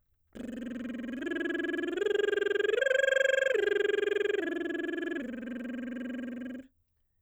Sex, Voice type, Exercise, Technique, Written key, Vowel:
female, soprano, arpeggios, lip trill, , e